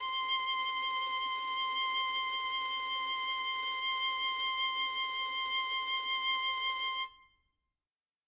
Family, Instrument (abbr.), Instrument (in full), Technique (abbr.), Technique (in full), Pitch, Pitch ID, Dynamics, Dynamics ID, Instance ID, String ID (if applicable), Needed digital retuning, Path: Strings, Vn, Violin, ord, ordinario, C6, 84, ff, 4, 0, 1, TRUE, Strings/Violin/ordinario/Vn-ord-C6-ff-1c-T11d.wav